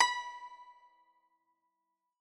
<region> pitch_keycenter=83 lokey=82 hikey=84 volume=4.731953 lovel=100 hivel=127 ampeg_attack=0.004000 ampeg_release=0.300000 sample=Chordophones/Zithers/Dan Tranh/Normal/B4_ff_1.wav